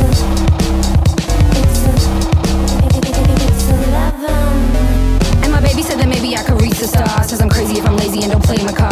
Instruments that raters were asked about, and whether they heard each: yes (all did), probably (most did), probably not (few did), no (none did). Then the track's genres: voice: yes
Rap